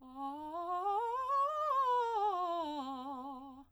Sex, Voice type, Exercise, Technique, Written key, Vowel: female, soprano, scales, fast/articulated piano, C major, a